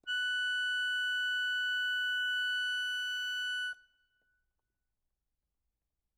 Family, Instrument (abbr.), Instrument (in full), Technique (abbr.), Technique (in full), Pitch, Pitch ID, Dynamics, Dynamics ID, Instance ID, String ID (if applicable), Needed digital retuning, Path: Keyboards, Acc, Accordion, ord, ordinario, F#6, 90, ff, 4, 1, , FALSE, Keyboards/Accordion/ordinario/Acc-ord-F#6-ff-alt1-N.wav